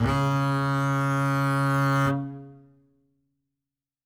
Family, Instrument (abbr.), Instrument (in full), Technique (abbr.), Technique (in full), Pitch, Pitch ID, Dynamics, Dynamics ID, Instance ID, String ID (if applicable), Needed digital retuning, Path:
Strings, Cb, Contrabass, ord, ordinario, C#3, 49, ff, 4, 0, 1, FALSE, Strings/Contrabass/ordinario/Cb-ord-C#3-ff-1c-N.wav